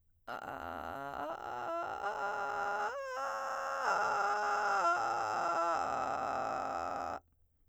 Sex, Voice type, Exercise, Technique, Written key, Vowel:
female, soprano, arpeggios, vocal fry, , a